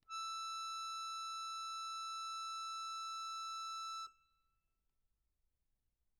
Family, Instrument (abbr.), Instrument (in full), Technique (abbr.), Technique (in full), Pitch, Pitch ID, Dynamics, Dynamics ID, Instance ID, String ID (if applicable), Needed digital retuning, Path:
Keyboards, Acc, Accordion, ord, ordinario, E6, 88, mf, 2, 4, , FALSE, Keyboards/Accordion/ordinario/Acc-ord-E6-mf-alt4-N.wav